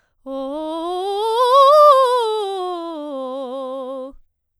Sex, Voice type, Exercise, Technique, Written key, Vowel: female, soprano, scales, fast/articulated forte, C major, o